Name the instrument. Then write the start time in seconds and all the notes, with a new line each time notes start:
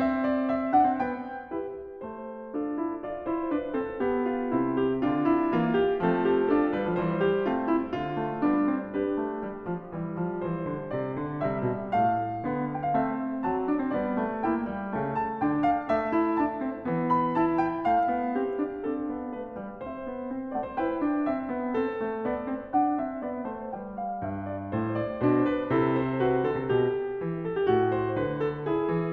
piano
0.00 C4 E5
0.26 D5
0.52 E5
0.77 D4 F#5
0.88 C4
1.01 B3 G5
1.52 E4 G4 B4
2.07 A3 C5
2.57 D4 F4 A4
2.77 E4
3.04 F4 D5
3.29 E4 C5
3.53 D4 B4
3.75 C4 A4
4.04 B3 G4
4.32 F4
4.56 C3 C4 E4
4.82 G4
5.03 D3 D4 F4
5.26 E4
5.47 E3 A#3 F4
5.71 G4
5.97 F3 A3 C4 A4
6.22 G4
6.46 D4 F4 A4
6.69 G3 B4
6.79 F3
6.91 E3 G3 C5
7.19 G4
7.44 A3 C4 F4
7.70 E4
7.91 D3 F4
8.15 A3
8.41 G3 B3 D4
8.73 C4
8.96 D4 G4 B4
9.18 A3
9.44 G3
9.71 F3
9.96 E3 G3
10.19 F3
10.43 E3 C5
10.65 D3
10.88 C3 D5
11.13 D3
11.39 C3 G3 E5
11.64 B2
11.95 A2 A3 F5
12.45 D3 B3
12.76 G5
12.88 F5
12.98 A3 C4 E5
13.46 F#3 A5
13.69 D4
13.80 C4
13.93 G3 B3 D5
14.15 A3
14.41 A#3 E4 G5
14.72 G3
14.93 C#3 A3
15.19 A5
15.42 D3 D4 G5
15.64 F5
15.88 A3 E5
16.13 E4
16.39 D4 A5
16.64 C4
16.87 E3 B3
17.11 B5
17.33 E4 A5
17.60 G5
17.88 A3 F5
18.12 B3
18.38 C4 G4
18.61 D4
18.84 C4 D4 A4
19.05 B3
19.31 A3 B4
19.60 G3
19.82 C4 C5 E5
20.05 B3
20.31 C4
20.54 A3 D5 F#5
20.65 C5
20.77 E4 B4 G5
20.99 D4
21.26 C4 E5
21.49 B3
21.76 C4 A4
21.99 A3
22.23 B3 D5
22.49 C4
22.73 D4 F#5
23.03 C4 E5
23.24 B3 D5
23.48 A3 C5
23.71 G3 B4 G5
23.99 F5
24.23 G2 E5
24.52 D5
24.73 A2 C5
25.00 D5
25.22 B2 D4 C5
25.50 B4
25.70 C3 E4 A4
25.97 C5
26.20 F#4 B4
26.44 D3 A4
26.55 C3
26.67 B2 G4
27.25 E3
27.48 A4
27.57 G4
27.65 A2 F4
27.88 C5
28.17 D3 B4
28.44 A4
28.65 E4 G#4
28.87 E3
29.12 D3